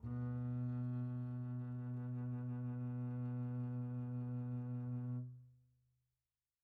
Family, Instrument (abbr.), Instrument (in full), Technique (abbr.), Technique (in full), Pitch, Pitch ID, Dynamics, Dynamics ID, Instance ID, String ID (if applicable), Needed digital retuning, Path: Strings, Cb, Contrabass, ord, ordinario, B2, 47, pp, 0, 3, 4, FALSE, Strings/Contrabass/ordinario/Cb-ord-B2-pp-4c-N.wav